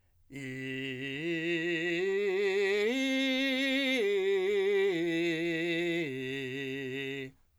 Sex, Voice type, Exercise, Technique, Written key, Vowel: male, , arpeggios, belt, , i